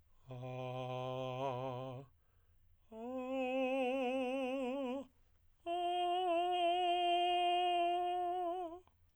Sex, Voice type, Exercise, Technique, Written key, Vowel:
male, tenor, long tones, full voice pianissimo, , a